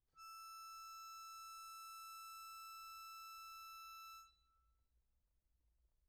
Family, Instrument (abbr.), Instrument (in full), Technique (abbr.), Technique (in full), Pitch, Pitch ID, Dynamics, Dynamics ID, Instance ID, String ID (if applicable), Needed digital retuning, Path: Keyboards, Acc, Accordion, ord, ordinario, E6, 88, mf, 2, 3, , FALSE, Keyboards/Accordion/ordinario/Acc-ord-E6-mf-alt3-N.wav